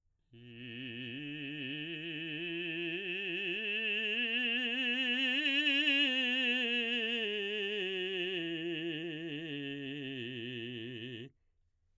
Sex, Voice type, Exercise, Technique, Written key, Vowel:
male, baritone, scales, slow/legato forte, C major, i